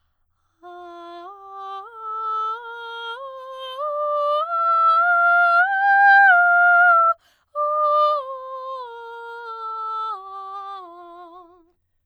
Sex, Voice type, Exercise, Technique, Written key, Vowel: female, soprano, scales, slow/legato piano, F major, a